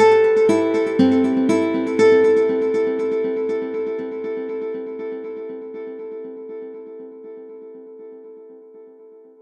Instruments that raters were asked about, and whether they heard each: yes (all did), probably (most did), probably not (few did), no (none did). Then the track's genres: voice: no
piano: no
Ambient